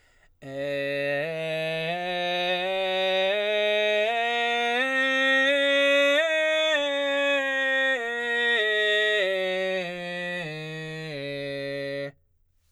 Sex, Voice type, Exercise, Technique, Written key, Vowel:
male, baritone, scales, belt, , e